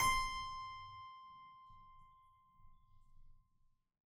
<region> pitch_keycenter=72 lokey=72 hikey=73 volume=2.751121 trigger=attack ampeg_attack=0.004000 ampeg_release=0.40000 amp_veltrack=0 sample=Chordophones/Zithers/Harpsichord, Flemish/Sustains/High/Harpsi_High_Far_C5_rr1.wav